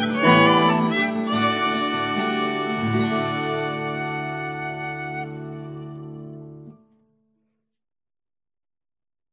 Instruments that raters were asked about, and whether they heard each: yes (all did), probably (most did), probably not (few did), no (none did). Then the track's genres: violin: yes
Celtic